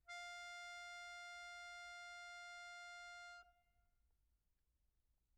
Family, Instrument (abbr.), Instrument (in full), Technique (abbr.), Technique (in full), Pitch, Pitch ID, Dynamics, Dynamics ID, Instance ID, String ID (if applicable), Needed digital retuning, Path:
Keyboards, Acc, Accordion, ord, ordinario, F5, 77, pp, 0, 2, , FALSE, Keyboards/Accordion/ordinario/Acc-ord-F5-pp-alt2-N.wav